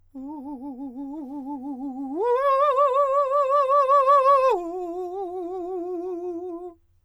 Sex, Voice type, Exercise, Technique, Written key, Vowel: male, countertenor, long tones, trill (upper semitone), , u